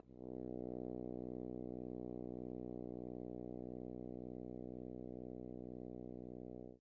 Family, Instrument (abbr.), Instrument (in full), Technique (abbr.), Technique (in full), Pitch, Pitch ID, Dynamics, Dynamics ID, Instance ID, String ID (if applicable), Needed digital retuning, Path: Brass, Hn, French Horn, ord, ordinario, B1, 35, ff, 4, 0, , FALSE, Brass/Horn/ordinario/Hn-ord-B1-ff-N-N.wav